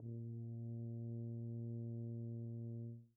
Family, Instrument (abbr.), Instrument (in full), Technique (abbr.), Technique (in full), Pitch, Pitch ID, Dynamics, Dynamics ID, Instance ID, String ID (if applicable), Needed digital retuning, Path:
Brass, BTb, Bass Tuba, ord, ordinario, A#2, 46, pp, 0, 0, , FALSE, Brass/Bass_Tuba/ordinario/BTb-ord-A#2-pp-N-N.wav